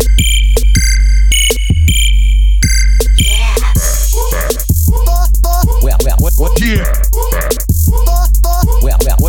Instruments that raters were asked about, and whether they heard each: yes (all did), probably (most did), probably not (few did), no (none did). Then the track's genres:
synthesizer: yes
Hip-Hop; Chip Music; Dubstep